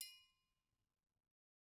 <region> pitch_keycenter=70 lokey=70 hikey=70 volume=19.290702 offset=183 lovel=0 hivel=83 seq_position=1 seq_length=2 ampeg_attack=0.004000 ampeg_release=30.000000 sample=Idiophones/Struck Idiophones/Triangles/Triangle6_HitFM_v1_rr1_Mid.wav